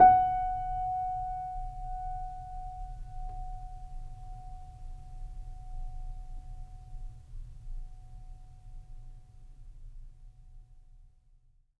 <region> pitch_keycenter=78 lokey=78 hikey=79 volume=-1.209752 lovel=0 hivel=65 locc64=0 hicc64=64 ampeg_attack=0.004000 ampeg_release=0.400000 sample=Chordophones/Zithers/Grand Piano, Steinway B/NoSus/Piano_NoSus_Close_F#5_vl2_rr1.wav